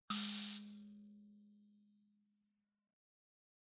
<region> pitch_keycenter=56 lokey=56 hikey=56 volume=18.203218 offset=4682 ampeg_attack=0.004000 ampeg_release=30.000000 sample=Idiophones/Plucked Idiophones/Mbira dzaVadzimu Nyamaropa, Zimbabwe, Low B/MBira4_pluck_Main_G#2_6_50_100_rr1.wav